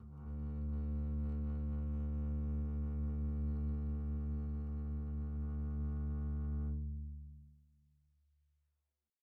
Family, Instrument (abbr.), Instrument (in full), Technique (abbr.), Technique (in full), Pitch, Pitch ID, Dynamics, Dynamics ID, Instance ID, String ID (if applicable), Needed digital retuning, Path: Strings, Cb, Contrabass, ord, ordinario, D2, 38, pp, 0, 2, 3, TRUE, Strings/Contrabass/ordinario/Cb-ord-D2-pp-3c-T14d.wav